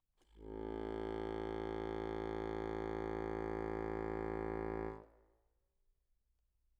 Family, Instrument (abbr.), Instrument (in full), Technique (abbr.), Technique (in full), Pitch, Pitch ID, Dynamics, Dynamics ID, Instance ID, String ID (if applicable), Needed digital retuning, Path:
Keyboards, Acc, Accordion, ord, ordinario, A1, 33, mf, 2, 1, , FALSE, Keyboards/Accordion/ordinario/Acc-ord-A1-mf-alt1-N.wav